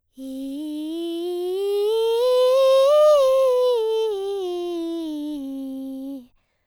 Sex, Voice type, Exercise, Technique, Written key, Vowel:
female, soprano, scales, breathy, , i